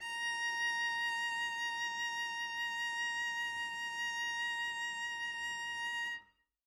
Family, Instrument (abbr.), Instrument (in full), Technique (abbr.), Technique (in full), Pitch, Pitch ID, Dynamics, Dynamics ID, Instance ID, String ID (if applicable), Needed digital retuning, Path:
Strings, Vc, Cello, ord, ordinario, A#5, 82, mf, 2, 0, 1, FALSE, Strings/Violoncello/ordinario/Vc-ord-A#5-mf-1c-N.wav